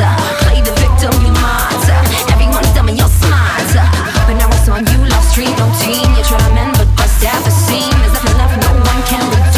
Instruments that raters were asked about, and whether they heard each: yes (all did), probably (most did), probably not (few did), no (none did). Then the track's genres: cello: no
clarinet: no
voice: yes
piano: no
Hip-Hop; Rap